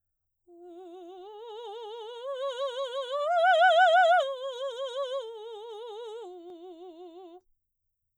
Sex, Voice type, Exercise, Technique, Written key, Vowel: female, soprano, arpeggios, slow/legato forte, F major, u